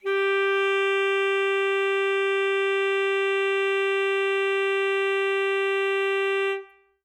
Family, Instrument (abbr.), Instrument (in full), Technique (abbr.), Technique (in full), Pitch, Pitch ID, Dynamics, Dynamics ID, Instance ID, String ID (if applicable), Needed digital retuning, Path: Winds, ASax, Alto Saxophone, ord, ordinario, G4, 67, ff, 4, 0, , FALSE, Winds/Sax_Alto/ordinario/ASax-ord-G4-ff-N-N.wav